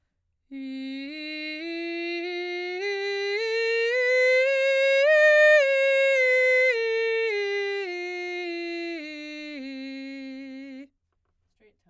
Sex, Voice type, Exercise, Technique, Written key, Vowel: female, soprano, scales, straight tone, , i